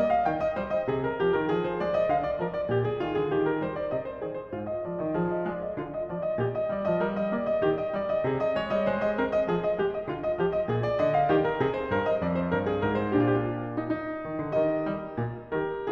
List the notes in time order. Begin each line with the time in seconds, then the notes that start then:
0.00 A#3 D#5
0.14 F5
0.26 D#3 G5
0.42 D#5
0.57 G3 C5
0.72 D#5
0.89 C3 G#4
1.06 A#4
1.23 G3 G4
1.38 D#3 A#4
1.59 F3 G#4
1.75 C5
1.86 G#3 D5
1.99 D#5
2.09 D3 F5
2.25 D5
2.40 F3 A#4
2.57 D5
2.71 A#2 G4
2.84 G#4
3.02 D#3 F4
3.17 D3 G#4
3.31 D#3 G4
3.48 A#4
3.61 G3 C5
3.74 D5
3.89 C3 D#5
4.04 C5
4.20 D#3 G#4
4.34 C5
4.50 G#2 F4
4.66 D#5
4.83 F3 D5
5.00 D#3 D#5
5.18 F3 G#4
5.32 D#5
5.46 G#3 D5
5.58 D#5
5.78 D3 F4
5.93 D#5
6.10 F3 D5
6.22 D#5
6.39 A#2 G4
6.55 D#5
6.71 G3 D5
6.85 F3 D#5
7.01 G3 A#4
7.16 D#5
7.34 A#3 D5
7.47 D#5
7.60 D#3 G4
7.79 D#5
7.92 G3 D5
8.07 D#5
8.24 C3 G#4
8.41 D#5
8.58 G#3 C#5
8.71 G3 D#5
8.87 G#3 C5
9.03 D#5
9.20 C4 A#4
9.35 D#5
9.47 F3 G#4
9.62 D#5
9.79 G#3 G4
9.96 D#5
10.08 D3 F4
10.19 D#5
10.37 F3 G4
10.52 D#5
10.67 A#2 G#4
10.82 D5
11.01 D3 D#5
11.15 F5
11.31 D#3 G4
11.47 A#4
11.61 C3 G#4
11.75 C5
11.90 G2 A#4
12.06 D#5
12.21 F2 D5
12.36 C5
12.50 G2 A#4
12.65 G#4
12.83 G#2 A#4
12.99 C5
13.15 A#2 D4 G4
13.21 F4
13.27 G4
13.33 F4
13.40 G4
13.44 F4
13.78 D#4
13.93 D#4
14.27 D#3
14.43 D3
14.59 D#3 G4 A#4 D#5
14.90 G3
15.19 A#2
15.51 D#3 G4 A#4